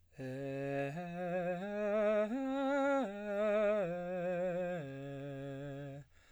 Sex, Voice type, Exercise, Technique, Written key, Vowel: male, baritone, arpeggios, slow/legato piano, C major, e